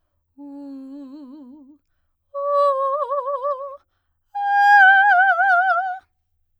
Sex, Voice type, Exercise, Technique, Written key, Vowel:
female, soprano, long tones, trill (upper semitone), , u